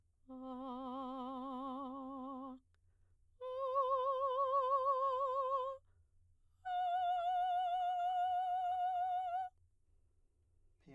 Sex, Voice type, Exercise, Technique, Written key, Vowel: female, soprano, long tones, full voice pianissimo, , a